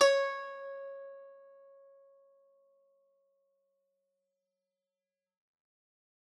<region> pitch_keycenter=73 lokey=73 hikey=74 volume=0.951614 lovel=100 hivel=127 ampeg_attack=0.004000 ampeg_release=0.300000 sample=Chordophones/Zithers/Dan Tranh/Normal/C#4_ff_1.wav